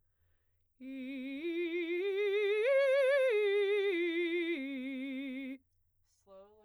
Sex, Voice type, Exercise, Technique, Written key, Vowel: female, soprano, arpeggios, slow/legato forte, C major, i